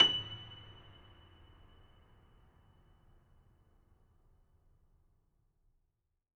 <region> pitch_keycenter=102 lokey=102 hikey=103 volume=-0.829648 lovel=66 hivel=99 locc64=65 hicc64=127 ampeg_attack=0.004000 ampeg_release=10.400000 sample=Chordophones/Zithers/Grand Piano, Steinway B/Sus/Piano_Sus_Close_F#7_vl3_rr1.wav